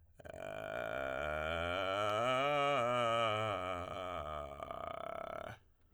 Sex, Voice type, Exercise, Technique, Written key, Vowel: male, tenor, scales, vocal fry, , e